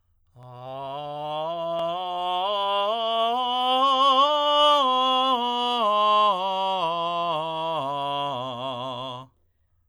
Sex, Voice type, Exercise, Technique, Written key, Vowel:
male, tenor, scales, slow/legato forte, C major, a